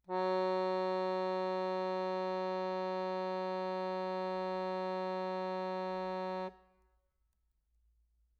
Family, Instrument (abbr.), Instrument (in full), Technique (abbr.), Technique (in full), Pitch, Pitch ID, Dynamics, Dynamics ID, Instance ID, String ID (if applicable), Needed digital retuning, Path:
Keyboards, Acc, Accordion, ord, ordinario, F#3, 54, mf, 2, 0, , FALSE, Keyboards/Accordion/ordinario/Acc-ord-F#3-mf-N-N.wav